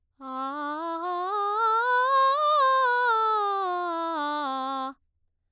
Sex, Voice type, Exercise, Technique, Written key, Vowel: female, soprano, scales, straight tone, , a